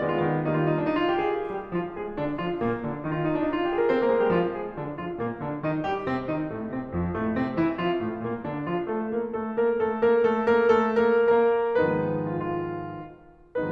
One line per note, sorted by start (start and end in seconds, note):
0.01 0.20 D#3
0.01 0.42 G#3
0.01 0.42 B3
0.01 0.11 D5
0.11 0.20 F4
0.20 0.42 D#3
0.44 0.89 D#3
0.44 0.89 G3
0.44 0.89 A#3
0.44 0.54 D#4
0.55 0.70 F4
0.70 0.80 D#4
0.80 0.89 D4
0.90 1.03 D#4
1.04 1.13 F4
1.13 1.26 G4
1.26 1.35 G#4
1.35 1.53 A#4
1.54 1.74 G3
1.54 1.74 G4
1.74 1.94 F3
1.74 1.94 F4
1.96 2.17 G#3
1.96 2.17 G#4
2.17 2.37 D3
2.17 2.37 D4
2.39 2.61 F3
2.39 2.61 F4
2.61 2.87 A#2
2.61 2.87 A#3
2.90 3.11 D3
2.90 3.11 D4
3.11 3.45 D#3
3.11 3.21 D#4
3.21 3.30 F4
3.30 3.38 D#4
3.40 3.45 D4
3.45 3.55 D#4
3.55 3.67 F4
3.67 3.78 G4
3.79 3.88 G#4
3.88 4.01 C4
3.88 4.01 C5
4.01 4.12 A#3
4.01 4.12 A#4
4.12 4.22 G#3
4.12 4.22 G#4
4.26 4.35 G3
4.26 4.35 G4
4.36 4.56 F3
4.36 4.56 F4
4.56 4.77 G#3
4.56 4.77 G#4
4.78 5.01 D3
4.78 5.01 D4
5.01 5.17 F3
5.01 5.17 F4
5.18 5.44 A#2
5.18 5.44 A#3
5.44 5.64 D3
5.44 5.64 D4
5.65 5.86 D#3
5.65 5.86 D#4
5.86 6.08 G3
5.86 6.08 G4
6.08 6.30 C3
6.08 6.30 C4
6.30 6.50 D#3
6.30 6.50 D#4
6.50 6.67 A2
6.50 6.67 A3
6.68 6.91 C3
6.68 6.91 C4
6.91 7.15 F2
6.91 7.15 F3
7.17 7.35 A2
7.17 7.35 A3
7.35 7.53 C3
7.35 7.53 C4
7.54 7.75 E3
7.54 7.75 E4
7.75 7.99 F3
7.75 7.99 F4
8.02 8.24 A2
8.02 8.24 A3
8.24 8.47 A#2
8.24 8.47 A#3
8.48 8.71 D3
8.48 8.71 D4
8.71 8.91 F3
8.71 8.91 F4
8.91 9.15 A3
8.91 9.15 A4
9.17 9.39 A#3
9.17 9.39 A#4
9.39 9.64 A3
9.39 9.64 A4
9.65 9.87 A#3
9.65 9.87 A#4
9.87 10.28 A3
9.87 10.28 A4
10.30 10.77 A#3
10.30 10.77 A#4
10.77 11.21 A3
10.77 11.21 A4
11.22 11.48 A#3
11.22 11.48 A#4
11.48 11.82 A#3
11.48 11.82 A#4
11.84 13.71 G#2
11.84 13.71 D#3
11.84 13.71 F3
11.84 13.71 G#3
11.84 13.71 B3
11.84 13.71 D#4
11.84 12.37 B4
12.38 12.63 F4
12.63 13.48 F4